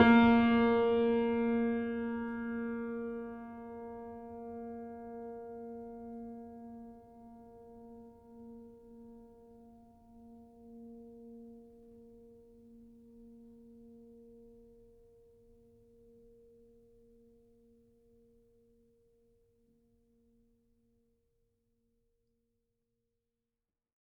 <region> pitch_keycenter=58 lokey=58 hikey=59 volume=0.738089 lovel=0 hivel=65 locc64=65 hicc64=127 ampeg_attack=0.004000 ampeg_release=0.400000 sample=Chordophones/Zithers/Grand Piano, Steinway B/Sus/Piano_Sus_Close_A#3_vl2_rr1.wav